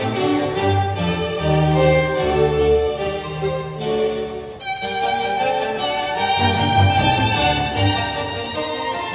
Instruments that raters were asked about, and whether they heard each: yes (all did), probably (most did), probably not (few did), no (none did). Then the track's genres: violin: yes
Classical; Chamber Music